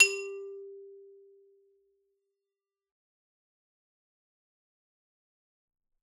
<region> pitch_keycenter=55 lokey=55 hikey=57 volume=7.024612 ampeg_attack=0.004000 ampeg_release=15.000000 sample=Idiophones/Struck Idiophones/Xylophone/Hard Mallets/Xylo_Hard_G3_ff_01_far.wav